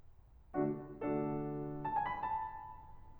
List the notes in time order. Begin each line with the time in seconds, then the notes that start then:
0.55 D3 A3 D4 F#4
0.90 D3 A3 D4 F#4 A4
1.88 A5
1.97 G#5
2.12 B5
2.23 A5